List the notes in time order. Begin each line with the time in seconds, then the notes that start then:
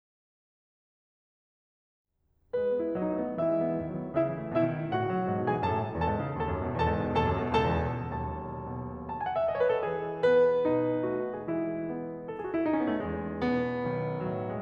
2.54 G#3 B4
2.66 B3
2.80 E4
2.94 F#3 D#4 D#5
3.10 A3
3.20 B3
3.34 E3 E4 E5
3.49 G#3
3.63 B3
3.75 D#3
3.87 F#3
3.99 B3
4.12 C#3 E4 E5
4.26 E3
4.40 A3
4.54 B2 E4 E5
4.67 D#3
4.82 G#3
4.91 A2 F#4 F#5
5.01 C#3
5.13 F#3
5.29 G#2
5.42 B2
5.49 G#4 G#5
5.54 E3
5.62 F#2 A4 A5
5.72 A2
5.85 D#3
6.00 E2 A4 A5
6.13 G#2
6.26 C#3
6.38 D#2 A4 A5
6.51 F#2
6.66 B2
6.81 E2 A4 A5
6.97 G#2
7.13 C#3
7.27 D#2 A4 A5
7.41 F#2
7.55 B2
7.66 C#2 A4 A5
7.81 E2
7.94 B2
8.09 B1 D#2 A4 A5
8.50 B2
9.07 A5
9.17 G#5
9.28 F#5
9.37 E5
9.43 D#5
9.52 C#5
9.60 B4
9.71 A4
9.81 E3 G#4
10.26 B3 B4
10.66 B2 D#4
11.10 A3 F#4
11.39 G#4
11.49 E3 G#3 E4
11.85 B3
12.28 A4
12.39 G#4
12.47 F#4
12.54 E4
12.63 D#4
12.74 C#4
12.84 B3
12.96 A3
13.05 E2 G#3
13.43 B2 B3
13.83 B1 D#3
14.21 A2 F#3
14.51 G#3